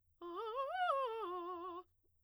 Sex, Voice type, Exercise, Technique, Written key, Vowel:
female, soprano, arpeggios, fast/articulated piano, F major, a